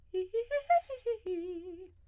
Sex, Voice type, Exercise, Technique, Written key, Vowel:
female, soprano, arpeggios, fast/articulated piano, F major, i